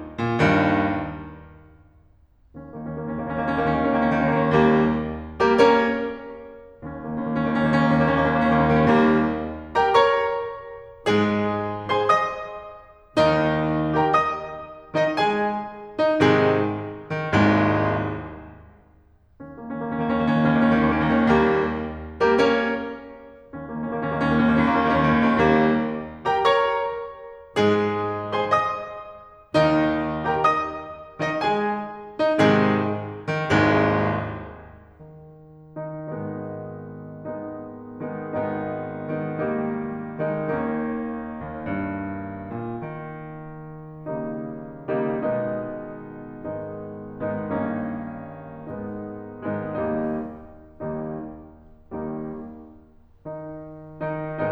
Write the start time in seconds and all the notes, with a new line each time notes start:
0.21 A#2
0.42 D#2 G2 D#3
2.55 D#2 C#4
2.62 D#3 A#3
2.72 D#2 C#4
2.81 D#3 A#3
2.90 D#2 C#4
3.02 D#3 A#3
3.11 D#2 C#4
3.23 D#3 A#3
3.33 D#2 C#4
3.42 D#3 A#3
3.52 D#2 C#4
3.59 D#3 A#3
3.98 D#2 C#4
4.11 D#3 A#3
4.20 D#2 C#4
4.37 D#3
4.48 D#2 G3 A#3
5.38 G3 A#3 G4 A#4
5.58 A#3 C#4 A#4 C#5
6.36 D#2 C#4
6.47 D#3 A#3
6.65 D#2 C#4
6.87 D#3 A#3
6.99 D#2 C#4
7.09 D#3 A#3
7.20 D#2 C#4
7.31 D#3 A#3
7.47 D#2 C#4
7.59 D#3 A#3
7.85 D#2 C#4
7.94 D#3 A#3
8.02 D#2 C#4
8.12 D#3 A#3
8.21 D#2 C#4
8.32 D#3
9.01 D#2 G3 A#3
9.73 G4 A#4 G5 A#5
9.96 A#4 C#5 A#5 C#6
11.08 G#2 G#3 G#4
11.92 G#4 C5 G#5 C6
12.21 D#5 D#6
13.21 D#2 D#3 D#4
13.99 G4 A#4 G5 A#5
14.21 D#5 D#6
14.76 D#3 D#4 D#5
15.19 G#3 G#4 G#5
15.98 D#4
16.24 G#2 C3 D#3 G#3 G#4
17.09 D#3
17.32 G#1 C2 D#2 G#2 G#3
19.41 D#2 C#4
19.52 D#3 A#3
19.62 D#2 C#4
19.74 D#3 A#3
19.85 D#2 C#4
19.95 D#3 A#3
20.07 D#2 C#4
20.18 D#3 A#3
20.27 D#2 C#4
20.41 D#3 A#3
20.62 D#2 C#4
20.74 D#3 A#3
20.97 D#2 C#4
21.06 D#3 A#3
21.15 D#2 C#4
21.25 D#3
21.37 D#2 G3 A#3
22.15 G3 A#3 G4 A#4
22.37 A#3 C#4 A#4 C#5
23.58 D#2 C#4
23.70 D#3 A#3
23.84 D#2 C#4
23.94 D#3 A#3
24.06 D#2 C#4
24.22 D#3 A#3
24.37 D#2 C#4
24.47 D#3 A#3
24.58 D#2 C#4
24.72 D#3 A#3
24.86 D#2 C#4
25.17 D#3 A#3
25.30 D#2 C#4
25.39 D#3 A#3
25.54 D#2 C#4
25.63 D#3
25.74 D#2 G3 A#3
26.31 G4 A#4 G5 A#5
26.55 A#4 C#5 A#5 C#6
27.59 G#2 G#3 G#4
28.35 G#4 C5 G#5 C6
28.62 D#5 D#6
29.58 D#2 D#3 D#4
30.35 G4 A#4 G5 A#5
30.60 D#5 D#6
31.21 D#3 D#4 D#5
31.42 G#3 G#4 G#5
32.21 D#4
32.42 G#2 C3 D#3 G#3 G#4
33.27 D#3
33.53 G#1 C2 D#2 G#2 G#3
35.18 D#3 D#4
35.84 D#3 D#4
36.17 G#1 G#2 D#3 G#3 B3 D#4
37.27 D#3 G#3 B3 D#4
38.09 D#3 G#3 B3 D#4
38.38 G#1 D#3 G#3 B3 D#4
39.20 D#3 G#3 B3 D#4
39.45 D#3 G3 A#3 D#4
40.16 D#3 G#3 B3 D#4
40.41 D#2 D#3 A#3 C#4 D#4
41.40 D#2
41.67 G2
42.46 A#2
42.95 D#3
44.09 C#3 D#3 G3 A#3 D#4
45.10 C#3 D#3 G3 A#3 D#4
45.34 B2 D#3 G#3 B3 D#4
46.46 G#2 D#3 G#3 B3 D#4
47.26 G#2 D#3 G#3 B3 D#4
47.46 G2 D#3 A#3 C#4 D#4
48.72 G#2 D#3 G#3 B3 D#4
49.33 G#2 D#3 G#3 B3 D#4
49.54 D#2 D#3 G3 A#3 D#4
50.34 D#2 D#3 G3 A#3 D#4
51.27 D#2 D#3 G3 A#3 D#4
53.23 D#3 D#4
54.01 D#3 D#4